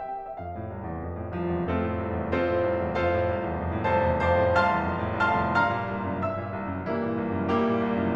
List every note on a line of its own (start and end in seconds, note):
0.00 0.33 G5
0.34 0.41 E5
0.41 0.56 F2
0.41 1.02 F5
0.56 0.70 A2
0.71 0.85 C2
0.86 1.02 E2
1.03 1.18 F2
1.18 1.32 A2
1.32 1.47 C2
1.32 1.68 F3
1.32 1.68 F4
1.47 1.68 E2
1.68 1.85 F2
1.68 2.33 A3
1.68 2.33 C4
1.68 2.33 F4
1.68 2.33 A4
1.85 2.04 A2
2.04 2.19 C2
2.19 2.33 E2
2.33 2.48 F2
2.33 2.97 C4
2.33 2.97 F4
2.33 2.97 A4
2.33 2.97 C5
2.50 2.64 A2
2.65 2.80 C2
2.81 2.97 E2
2.98 3.15 F2
2.98 3.95 F4
2.98 3.95 A4
2.98 3.95 C5
2.98 3.95 F5
3.16 3.27 A2
3.29 3.48 C2
3.48 3.66 E2
3.66 3.80 F2
3.80 3.95 A2
3.95 4.11 C2
3.95 4.26 A4
3.95 4.26 C5
3.95 4.26 F5
3.95 4.26 A5
4.11 4.26 E2
4.26 4.41 F2
4.26 4.57 C5
4.26 4.57 F5
4.26 4.57 A5
4.26 4.57 C6
4.42 4.57 A2
4.60 4.75 C2
4.60 5.20 F5
4.60 5.20 A5
4.60 5.20 C6
4.60 5.20 F6
4.76 4.89 E2
4.90 5.05 F2
5.06 5.20 A2
5.21 5.39 C2
5.21 5.63 F5
5.21 5.63 A5
5.21 5.63 C6
5.21 5.63 F6
5.39 5.63 E2
5.63 5.79 G2
5.63 6.23 F5
5.63 6.57 A#5
5.63 6.57 C6
5.63 6.23 F6
5.79 5.97 A#2
5.97 6.12 C2
6.12 6.23 F#2
6.23 6.37 G2
6.23 6.57 E5
6.23 6.57 E6
6.39 6.57 A#2
6.58 6.72 C2
6.73 6.87 F#2
6.88 7.06 G2
6.88 7.57 E3
6.88 7.57 G3
6.88 7.57 A#3
6.88 7.57 E4
7.09 7.24 A#2
7.26 7.42 C2
7.43 7.57 F#2
7.57 7.72 G2
7.57 8.16 G3
7.57 8.16 A#3
7.57 8.16 E4
7.57 8.16 G4
7.72 7.84 A#2
7.84 8.00 C2
8.00 8.16 F#2